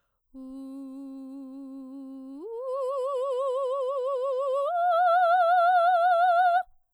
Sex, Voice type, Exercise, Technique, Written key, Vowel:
female, soprano, long tones, full voice pianissimo, , u